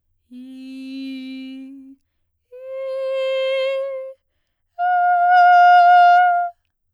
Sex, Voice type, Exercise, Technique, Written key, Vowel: female, soprano, long tones, messa di voce, , i